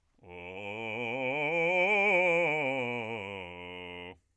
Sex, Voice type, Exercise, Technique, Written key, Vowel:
male, bass, scales, fast/articulated forte, F major, o